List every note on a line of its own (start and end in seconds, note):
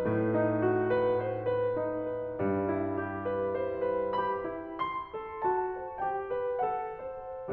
0.00 2.38 A2
0.00 2.38 A3
0.38 0.88 D#4
0.66 1.16 F#4
0.91 1.47 B4
1.17 1.75 C5
1.49 2.04 B4
1.78 2.38 D#4
2.09 2.66 B4
2.40 3.54 G2
2.40 3.54 G3
2.69 3.27 E4
3.04 3.54 G4
3.31 3.81 B4
3.55 4.18 C5
3.82 4.42 B4
4.20 4.76 G4
4.20 5.48 B5
4.45 5.18 E4
4.89 5.98 C6
5.19 5.75 A4
5.49 5.98 F#4
5.49 6.61 A5
5.76 6.28 C5
5.99 6.61 G4
5.99 7.51 G5
6.30 6.98 B4
6.69 7.51 A4
6.69 7.51 F#5
7.00 7.52 C5